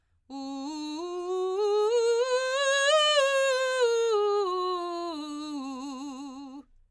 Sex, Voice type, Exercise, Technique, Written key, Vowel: female, soprano, scales, belt, , u